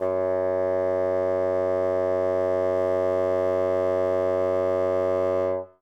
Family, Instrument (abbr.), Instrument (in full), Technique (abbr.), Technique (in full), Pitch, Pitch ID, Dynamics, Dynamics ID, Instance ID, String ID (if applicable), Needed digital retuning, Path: Winds, Bn, Bassoon, ord, ordinario, F#2, 42, ff, 4, 0, , FALSE, Winds/Bassoon/ordinario/Bn-ord-F#2-ff-N-N.wav